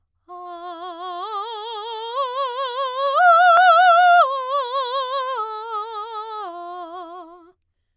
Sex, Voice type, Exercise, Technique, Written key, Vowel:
female, soprano, arpeggios, slow/legato forte, F major, a